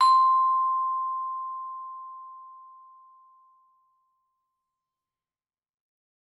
<region> pitch_keycenter=84 lokey=83 hikey=86 volume=6.301050 offset=88 lovel=84 hivel=127 ampeg_attack=0.004000 ampeg_release=15.000000 sample=Idiophones/Struck Idiophones/Vibraphone/Hard Mallets/Vibes_hard_C5_v3_rr1_Main.wav